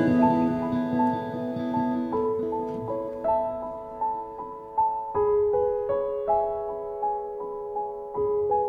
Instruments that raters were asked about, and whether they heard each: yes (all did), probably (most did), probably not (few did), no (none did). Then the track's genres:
piano: yes
Post-Rock; Ambient; New Age